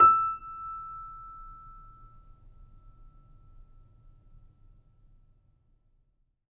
<region> pitch_keycenter=88 lokey=88 hikey=89 volume=-2.826870 lovel=0 hivel=65 locc64=0 hicc64=64 ampeg_attack=0.004000 ampeg_release=0.400000 sample=Chordophones/Zithers/Grand Piano, Steinway B/NoSus/Piano_NoSus_Close_E6_vl2_rr1.wav